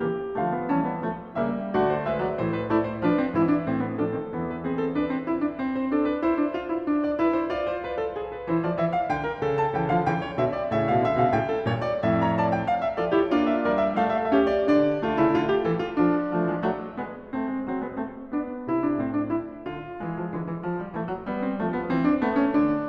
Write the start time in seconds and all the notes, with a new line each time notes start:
0.00 C#3 E3 A#3 G4
0.31 D3 F3 A3 F5
0.51 B3
0.66 E3 G3 C#4 A5
0.82 B3
1.00 F3 A3
1.39 C#3 G3 A#3 E5
1.73 D3 A3 F#4 D5
1.95 C5
2.08 G#3 B4 E5
2.23 F#3 D5
2.39 A2 E3 C5
2.59 B4
2.72 A3 E4 D5
2.89 C5
3.01 F3 D4 B4
3.17 C4
3.36 G#2 E3 E4
3.49 D4
3.67 A2 C4
3.84 B3
3.98 F3 D4 A4
4.13 D#3 C4
4.34 E2 E3 B3
4.50 B4
4.66 C4 G#4
4.81 A4
4.95 D4 B4
5.10 C4
5.25 E4
5.40 D4
5.58 C4
5.81 C5
5.91 D4 A4
6.08 B4
6.23 E4 C5
6.36 D4
6.54 F4
6.72 E4
6.87 D4
7.02 D5
7.17 E4 B4
7.34 C5
7.42 F4 D5
7.69 C5
7.89 B4
8.06 A4
8.20 G#4
8.34 B4
8.49 E3 E4 C5
8.63 F3 D5
8.79 E3 E5
8.95 F5
9.04 D3 G5
9.24 A#4
9.42 C#3 A4
9.58 A5
9.74 C#3 E3 G5
9.90 D3 F3 F5
10.05 C#3 E3 G5
10.24 C#5
10.43 B2 D3 E5
10.60 D5
10.75 A2 C#3 E5
10.89 B2 F5
11.04 C#3 E5
11.20 B2 D3 F5
11.33 A2 C#3 G5
11.53 A4
11.69 G2 A#2 C#5
11.88 D5
12.04 F2 A2 E5
12.21 C#5 A#5
12.38 D5 A5
12.55 G5
12.68 F5
12.85 E5
13.00 F3 F4 A4 D5
13.17 E4 G4 C#5
13.31 A#3 D4 F4 D5
13.50 E5
13.63 G3 A#4 D5
13.79 E5
13.99 A3 A4 F5
14.06 E5 F5
14.15 E5
14.21 E5 F5
14.29 C#4 G4 F5
14.37 E5
14.51 D5
14.72 D3 D4 D5
15.02 D3 A3 F4
15.16 C#3 E4
15.29 D3 F4
15.48 G4
15.63 E3 A4
15.78 F4
15.94 F3 D4
16.30 F3 A3
16.44 E3 G#3
16.59 F#3 A3
16.92 G#3 B3
17.32 A3 C4
17.47 G#3
17.64 F#3 C4
17.81 G#3 B3
17.96 A3 C4
18.27 B3 D4
18.66 C3 E4
18.80 D4
18.98 A2 C4
19.16 D4
19.32 E4
19.68 D3 F4
20.03 E3 G#3
20.18 F3
20.31 D3 E3
20.48 E3
20.63 F3
20.78 G3
20.94 E3 A3
21.08 F#3
21.23 G3 B3
21.40 C4
21.59 F3 A3
21.75 B3
21.91 E3 C4
22.08 D4
22.21 A3 B3
22.36 C#4
22.50 D3 D4